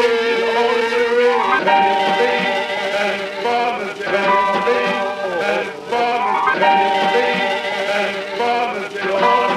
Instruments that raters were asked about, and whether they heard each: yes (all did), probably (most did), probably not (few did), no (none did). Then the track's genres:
violin: probably
Avant-Garde; Experimental; Sound Collage